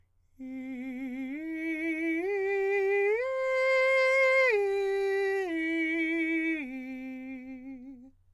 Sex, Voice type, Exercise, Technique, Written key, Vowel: male, countertenor, arpeggios, slow/legato forte, C major, i